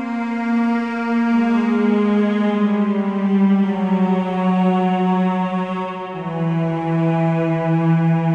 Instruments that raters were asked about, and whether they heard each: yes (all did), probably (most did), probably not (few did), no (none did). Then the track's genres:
drums: no
cello: yes
Ambient